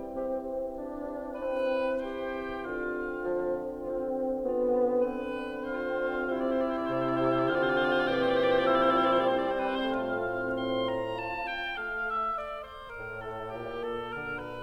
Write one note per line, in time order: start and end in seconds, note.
0.00 0.72 C4
0.00 0.71 G4
0.72 1.40 D4
0.72 1.39 G4
1.40 2.04 C4
1.40 2.04 B4
2.04 2.72 G4
2.04 2.73 C5
2.04 2.73 G5
2.73 6.34 D3
2.73 3.83 F4
2.73 3.84 F5
3.20 3.84 F3
3.84 4.48 C4
3.84 4.47 F4
4.48 5.14 B3
4.48 5.14 F4
5.14 5.61 C4
5.14 5.61 B4
5.61 6.34 C4
5.61 6.33 F4
5.61 6.34 C5
5.61 6.34 F5
6.34 7.87 C3
6.34 6.85 C4
6.34 11.17 C4
6.34 7.38 E4
6.34 6.47 C5
6.34 7.40 E5
6.47 6.58 D5
6.58 6.71 C5
6.71 6.85 D5
6.85 7.40 C3
6.85 6.95 C5
6.95 7.13 D5
7.13 7.28 C5
7.28 7.40 D5
7.40 7.87 D3
7.40 7.85 F4
7.40 7.52 C5
7.40 7.87 F5
7.52 7.64 D5
7.64 7.74 C5
7.74 7.87 D5
7.87 9.88 A#2
7.87 8.59 E3
7.87 9.88 C4
7.87 8.50 G4
7.87 8.01 C5
7.87 8.59 G5
8.01 8.25 D5
8.25 8.42 C5
8.42 8.59 D5
8.59 9.88 F3
8.59 9.21 E4
8.59 8.77 C5
8.59 9.22 E5
8.77 8.86 D5
8.86 9.11 C5
9.11 9.22 D5
9.22 9.87 C4
9.22 9.51 C5
9.22 9.88 C5
9.51 9.61 D5
9.61 9.74 B4
9.74 9.88 C5
9.88 11.18 A2
9.88 10.36 A3
9.88 11.18 C4
9.88 11.17 F4
9.88 10.36 F5
9.88 11.18 F5
10.36 11.18 C4
10.36 10.69 C6
10.70 11.17 A#5
11.18 11.81 F4
11.18 11.54 A5
11.55 11.81 G5
11.81 12.38 A3
11.81 12.05 F5
12.06 12.36 E5
12.38 12.60 D5
12.62 12.90 C5
12.91 13.56 A2
12.91 13.25 A#4
13.27 13.55 A4
13.56 14.15 A#2
13.56 14.63 A#2
13.56 13.87 G4
13.89 14.14 A4
14.15 14.63 D3
14.15 14.36 A#4
14.36 14.63 B4